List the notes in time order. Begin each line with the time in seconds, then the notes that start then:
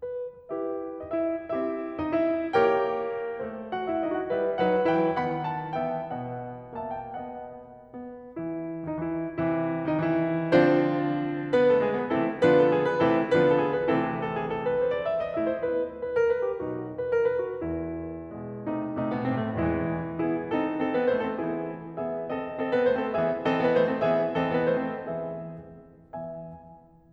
0.01 B4
0.53 E4 G4 B4 E5
1.09 D#4 D#5
1.22 E4 E5
1.54 C4 E4 G4 C5 E5
1.97 D#4 D#5
2.12 E4 E5
2.55 A#3 G4 A#4 C#5 G5
3.36 A3 A4 C5
3.74 F#4 F#5
3.94 E4 E5
4.06 D#4 D#5
4.17 F#4 F#5
4.31 G3 E4 B4 E5
4.58 F#3 D#4 B4 F#5
4.84 E3 E4 B4 G5
5.17 D#3 B3 F#5 B5
5.50 A5
5.82 E3 B3 E5 G5
6.11 B2 B3 D#5 F#5
6.75 A#3 E5 A5
7.00 G5
7.19 B3 D#5 F#5
7.81 B3
8.28 E3 E4
8.88 D#3 D#4
9.00 E3 E4
9.35 C3 E3 E4
9.87 D#3 D#4
10.04 E3 E4
10.35 D3 F3 C4 D4 F4 C5
11.53 B3 B4
11.67 A3 A4
11.84 G#3 G#4
11.99 B3 B4
12.14 C3 E3 A3 C4 E4 A4
12.42 D3 F3 B3 D4 F4 B4
12.56 A4
12.72 G#4
12.86 B4
13.00 C3 E3 A3 C4 E4 A4
13.28 D3 F3 B3 D4 F4 B4
13.40 A4
13.54 G#4
13.65 B4
13.84 C3 E3 A3 C4 E4 A4
14.18 A4
14.37 G#4
14.51 A4
14.67 B4
14.84 C5
14.96 D5
15.10 E5
15.26 D#5
15.35 A3 E4 E5
15.48 C5
15.64 B3 E4 B4
15.92 B4
16.17 A#4
16.32 B4
16.47 G4
16.61 B1 B2 D#4 F#4
16.93 B4
17.07 A#4
17.25 B4
17.43 F#4
17.62 E2 E4
18.29 B2 G#3
18.57 C3 A3 D#4
18.91 C3 A3
19.08 B2 B3
19.23 A2 C4
19.35 C3 A3
19.49 E2 E3 G#3 E4
20.18 B3 E4 G#4
20.53 C4 D#4 A4
20.78 C4 A4
20.90 B3 B4
21.05 A3 C5
21.18 C4 A4
21.38 E3 B3 E4 G#4
22.00 B3 G#4 E5
22.26 C4 A4 D#5
22.58 C4 A4
22.70 B3 B4
22.84 A3 C5
22.97 C4 A4
23.13 E3 B3 G#4 E5
23.40 E3 C4 A4 D#5
23.57 B3 B4
23.71 A3 C5
23.89 C4 A4
24.03 E3 B3 G#4 E5
24.36 E3 C4 A4 D#5
24.53 B3 B4
24.68 A3 C5
24.86 C4 A4
25.14 E3 B3 G#4 E5
26.21 E3 B3 E5 G#5